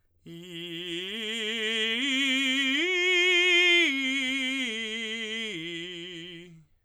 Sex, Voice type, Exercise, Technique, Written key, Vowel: male, tenor, arpeggios, slow/legato forte, F major, i